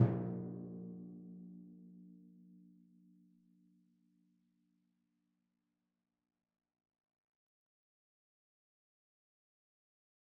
<region> pitch_keycenter=46 lokey=45 hikey=47 tune=-34 volume=19.238587 lovel=66 hivel=99 seq_position=2 seq_length=2 ampeg_attack=0.004000 ampeg_release=30.000000 sample=Membranophones/Struck Membranophones/Timpani 1/Hit/Timpani2_Hit_v3_rr2_Sum.wav